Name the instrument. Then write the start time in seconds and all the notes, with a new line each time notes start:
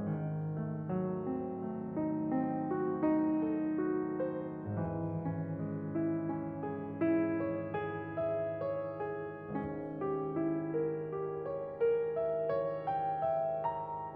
piano
0.01 G#1 G#2 D#3
0.52 A3
0.84 F#3
1.26 C4
1.62 A3
1.98 D#4
2.35 C4
2.69 F#4
3.04 D#4
3.41 A4
3.74 F#4
4.16 C5
4.71 G#1 G#2 E3
5.21 C#4
5.64 G#3
5.98 E4
6.32 C#4
6.69 G#4
7.09 E4
7.41 C#5
7.80 G#4
8.18 E5
8.56 C#5
8.95 G#4
9.42 G#1 G#2 C#4
9.90 G4
10.36 E4
10.73 A#4
11.08 G4
11.42 C#5
11.76 A#4
12.12 E5
12.45 C#5
12.81 G5
13.22 E5
13.65 A#5